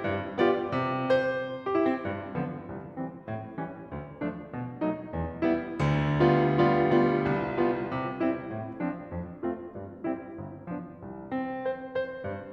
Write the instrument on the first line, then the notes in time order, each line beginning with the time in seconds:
piano
0.00 G2
0.36 G3 B3 F4 G4 D5
0.72 C3
1.04 C5
1.65 G4
1.74 E4
1.85 C4
1.97 G2
2.30 D3 F3 B3
2.53 C2
2.88 E3 G3 C4
3.24 A2
3.55 E3 G3 C#4
3.91 D2
4.20 F3 A3 D4
4.48 B2
4.78 F#3 A3 D#4
5.06 E2
5.39 G3 B3 E4
5.79 D2 D3
6.23 G3 B3 F4
6.56 G3 B3 F4
6.95 G3 B3 F4
7.34 C2
7.65 G3 B3 F4
7.88 C3
8.17 G3 C4 E4
8.42 A2
8.75 F3 C4 D4
9.10 F2
9.40 A3 C4 F4
9.74 G2
10.08 G3 C4 E4
10.40 G1
10.73 F3 B3 D4
11.02 C2
11.32 C4
11.62 C5
11.95 C5
12.23 G2